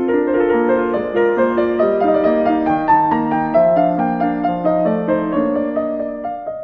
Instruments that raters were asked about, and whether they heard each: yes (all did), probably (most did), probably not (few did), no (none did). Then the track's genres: piano: yes
bass: no
Classical